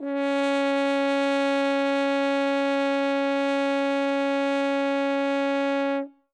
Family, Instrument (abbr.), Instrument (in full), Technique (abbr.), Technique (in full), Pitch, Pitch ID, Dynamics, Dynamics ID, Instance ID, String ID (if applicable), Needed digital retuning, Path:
Brass, Hn, French Horn, ord, ordinario, C#4, 61, ff, 4, 0, , FALSE, Brass/Horn/ordinario/Hn-ord-C#4-ff-N-N.wav